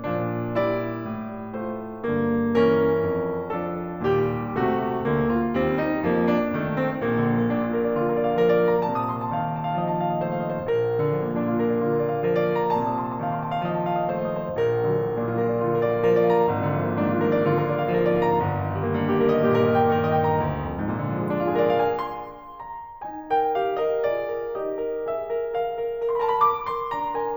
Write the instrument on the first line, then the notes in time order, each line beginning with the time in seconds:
piano
0.01 A#2 F3
0.46 G3 E4 D5
1.10 A2
1.53 A3 F4 C5
2.06 G2
2.50 E3 C#4 A#4
3.09 F2
3.52 F3 D4 A4
4.02 D#2 A#2 G3 G4
4.55 C3 A3 F#4
5.09 D2 D3 A#3
5.33 F4
5.53 D#2 G3 C4
5.75 D#4
6.03 F2 F3 A#3
6.21 D4
6.50 F1 D#3 A3
6.73 C4
7.05 A#1 A#3
7.17 D3
7.33 F3
7.46 A#3
7.55 A#2 D4
7.65 F4
7.75 A#4
7.84 D5
7.97 D3 F4
8.06 A#4
8.21 D5
8.31 F5
8.40 F3 A#4
8.52 D5
8.66 F5
8.75 A#5
8.85 A#2 C3 A5
8.96 D#6
9.08 C6
9.19 A5
9.29 D#3
9.40 C6
9.54 A5
9.64 F5
9.77 F3 D#5
9.87 A5
10.00 F5
10.15 D#5
10.25 A3 C5
10.33 F5
10.42 D#5
10.54 C5
10.63 A#1 A#3
10.72 D3
11.05 F3
11.20 A#3
11.30 A#2 D4
11.38 F4
11.50 A#4
11.59 D5
11.70 D3 F4
11.85 A#4
12.01 D5
12.15 F5
12.24 F3 A#4
12.35 D5
12.45 F5
12.58 A#5
12.70 A#2 C3 A5
12.83 D#6
12.95 C6
13.07 A5
13.19 D#3
13.29 C6
13.38 A5
13.47 F5
13.58 F3 D#5
13.71 A5
13.81 F5
13.96 D#5
14.09 A3 C5
14.19 F5
14.29 D#5
14.43 C5
14.54 A#1 A#4
14.70 D3
14.87 F3
14.97 A#3
15.10 A#2 D4
15.23 F4
15.34 A#4
15.44 D5
15.54 D3 F4
15.68 A#4
15.80 D5
15.92 F5
16.02 F3 A#4
16.19 D5
16.29 F5
16.40 A#5
16.52 G#1
16.70 D3
16.82 F3
16.91 A#3
17.03 G#2 D4
17.15 F4
17.25 A#4
17.36 D5
17.48 D3 F4
17.61 A#4
17.76 D5
17.89 F5
17.98 F3 A#4
18.06 D5
18.19 F5
18.31 A#5
18.41 G1
18.51 D#3
18.78 G3
18.90 A#3
19.05 G2 D#4
19.14 G4
19.28 A#4
19.38 D#5
19.46 A#2 G4
19.58 A#4
19.75 D#5
19.87 G5
19.96 D#3 A#4
20.10 D#5
20.25 G5
20.38 A#5
20.49 D2
20.61 F2
20.76 G#2
20.88 A#2
21.01 D3
21.10 F3
21.18 G#3
21.28 A#3
21.38 D4
21.48 F4
21.59 G#4
21.69 A#4
21.79 D5
21.86 F5
21.93 G#5
22.02 C6
22.19 A#5
22.42 D#4 G#5
23.12 A#4 G5
23.46 G4 F5
23.75 A#4 D#5
24.05 F4 G#4 D5
24.29 A#4
24.54 D#4 G4 D#5
24.77 A#4
25.13 D4 G#4 E5
25.30 A#4
25.51 A#4 F5
25.73 A#4
25.95 A#4
26.13 A#4 B5
26.19 C6
26.23 A5
26.29 B5
26.34 A#4 D6
26.71 A#4 C6
26.92 D4 A#5
27.13 A#4 G#5